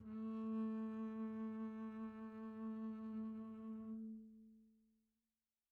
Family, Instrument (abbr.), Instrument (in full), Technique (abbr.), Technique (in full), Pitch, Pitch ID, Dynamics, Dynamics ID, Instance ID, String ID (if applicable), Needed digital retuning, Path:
Strings, Cb, Contrabass, ord, ordinario, A3, 57, pp, 0, 1, 2, FALSE, Strings/Contrabass/ordinario/Cb-ord-A3-pp-2c-N.wav